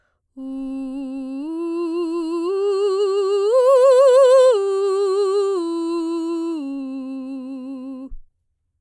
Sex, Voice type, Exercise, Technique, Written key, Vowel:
female, soprano, arpeggios, vibrato, , u